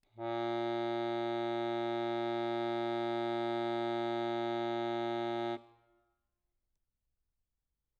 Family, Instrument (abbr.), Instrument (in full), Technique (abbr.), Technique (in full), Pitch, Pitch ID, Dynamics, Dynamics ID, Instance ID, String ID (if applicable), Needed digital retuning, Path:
Keyboards, Acc, Accordion, ord, ordinario, A#2, 46, mf, 2, 1, , FALSE, Keyboards/Accordion/ordinario/Acc-ord-A#2-mf-alt1-N.wav